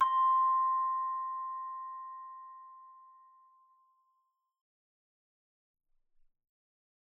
<region> pitch_keycenter=84 lokey=83 hikey=85 tune=-3 volume=6.284980 offset=119 ampeg_attack=0.004000 ampeg_release=30.000000 sample=Idiophones/Struck Idiophones/Hand Chimes/sus_C5_r01_main.wav